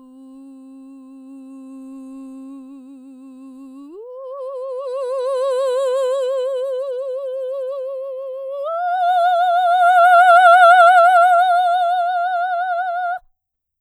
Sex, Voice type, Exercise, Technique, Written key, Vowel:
female, soprano, long tones, messa di voce, , u